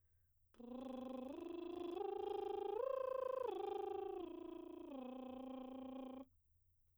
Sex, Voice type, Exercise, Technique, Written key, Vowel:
female, soprano, arpeggios, lip trill, , a